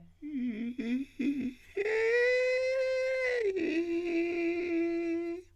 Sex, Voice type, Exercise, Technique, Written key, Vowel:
male, countertenor, long tones, inhaled singing, , i